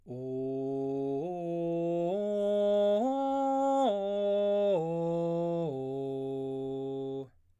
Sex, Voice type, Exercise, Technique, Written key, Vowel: male, baritone, arpeggios, straight tone, , o